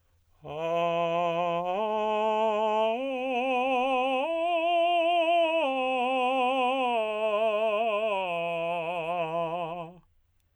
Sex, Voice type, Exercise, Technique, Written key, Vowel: male, tenor, arpeggios, slow/legato piano, F major, a